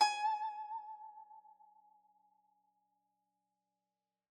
<region> pitch_keycenter=80 lokey=80 hikey=81 volume=9.329041 lovel=0 hivel=83 ampeg_attack=0.004000 ampeg_release=0.300000 sample=Chordophones/Zithers/Dan Tranh/Vibrato/G#4_vib_mf_1.wav